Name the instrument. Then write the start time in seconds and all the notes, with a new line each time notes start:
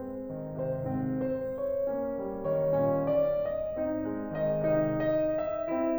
piano
0.00 G#3 C4
0.33 D#3
0.59 C3 C5
0.88 G#2 C4
1.29 C5
1.53 C#5
1.93 A#3 C#4
2.25 G3
2.48 D#3 C#5
2.79 A#2 C#4
3.12 D5
3.55 D#5
3.81 C4 D#4
4.13 G#3
4.37 D#3 D#5
4.71 C3 D#4
5.04 D#5
5.33 E5
5.70 C4 E4